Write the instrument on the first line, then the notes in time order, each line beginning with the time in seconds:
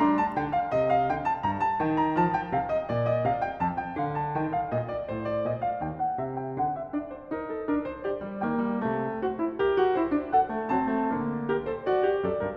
piano
0.00 G3 D4 A#5
0.17 A5
0.36 D3 G5
0.57 F5
0.74 C3 D#5
0.91 F5
1.09 D3 G5
1.25 A5
1.43 G2 A#5
1.60 A5
1.80 D#3 G5
2.00 A#5
2.19 F3 A5
2.33 G5
2.51 C3 F5
2.71 D#5
2.90 A#2 D5
3.09 D#5
3.25 C3 F5
3.42 G5
3.58 F2 A5
3.75 G5
3.98 D3 F5
4.17 A5
4.35 D#3 G5
4.53 F5
4.71 A#2 D#5
4.91 D5
5.10 A2 C5
5.28 D5
5.47 A#2 D#5
5.64 F5
5.83 D#2 G5
6.03 F#5
6.20 C3 E5
6.36 G5
6.55 D3 F#5
6.71 E5
6.92 D4 D5
7.08 C5
7.26 D#4 A#4
7.48 A4
7.67 D4 A#4
7.88 C5
8.07 G4 D5
8.23 G3
8.46 D#3 A#3 G5
8.61 G3
8.80 C3 A3
9.21 F#4 C5
9.39 E4
9.54 G4 A#4
9.75 F#4
9.93 E4 C5
10.11 D4
10.30 A4 F#5
10.48 A3
10.70 F#3 C4 A5
10.90 A3
11.13 D3 A#3
11.51 G4 A#4
11.69 A4 C5
11.88 F#4 D5
12.03 G4
12.24 F#2 A4 D5
12.41 G2 A#4